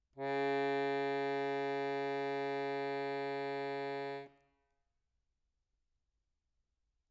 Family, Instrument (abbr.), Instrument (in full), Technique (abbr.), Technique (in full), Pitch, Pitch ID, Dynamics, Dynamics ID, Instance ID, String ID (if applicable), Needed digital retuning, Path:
Keyboards, Acc, Accordion, ord, ordinario, C#3, 49, mf, 2, 3, , FALSE, Keyboards/Accordion/ordinario/Acc-ord-C#3-mf-alt3-N.wav